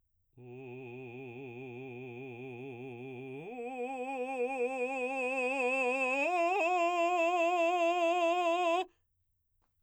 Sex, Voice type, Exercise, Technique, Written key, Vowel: male, baritone, long tones, full voice forte, , u